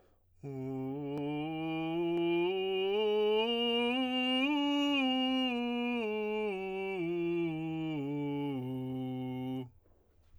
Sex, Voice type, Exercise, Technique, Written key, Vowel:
male, tenor, scales, straight tone, , u